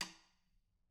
<region> pitch_keycenter=66 lokey=66 hikey=66 volume=15.097087 offset=164 seq_position=1 seq_length=2 ampeg_attack=0.004000 ampeg_release=15.000000 sample=Membranophones/Struck Membranophones/Snare Drum, Modern 2/Snare3M_taps_v4_rr1_Mid.wav